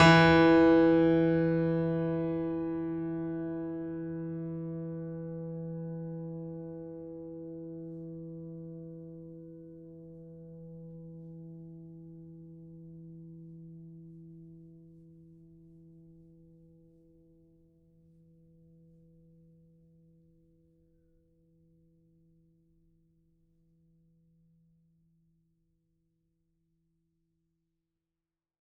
<region> pitch_keycenter=52 lokey=52 hikey=53 volume=0.514424 lovel=100 hivel=127 locc64=65 hicc64=127 ampeg_attack=0.004000 ampeg_release=0.400000 sample=Chordophones/Zithers/Grand Piano, Steinway B/Sus/Piano_Sus_Close_E3_vl4_rr1.wav